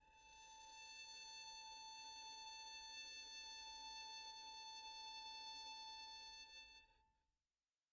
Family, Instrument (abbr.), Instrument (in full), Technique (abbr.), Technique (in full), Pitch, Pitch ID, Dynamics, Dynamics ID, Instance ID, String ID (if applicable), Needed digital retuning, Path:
Strings, Vn, Violin, ord, ordinario, A5, 81, pp, 0, 0, 1, FALSE, Strings/Violin/ordinario/Vn-ord-A5-pp-1c-N.wav